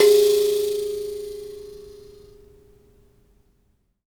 <region> pitch_keycenter=68 lokey=68 hikey=69 tune=11 volume=-6.332559 seq_position=2 seq_length=2 ampeg_attack=0.004000 ampeg_release=15.000000 sample=Idiophones/Plucked Idiophones/Mbira Mavembe (Gandanga), Zimbabwe, Low G/Mbira5_Normal_MainSpirit_G#3_k1_vl2_rr1.wav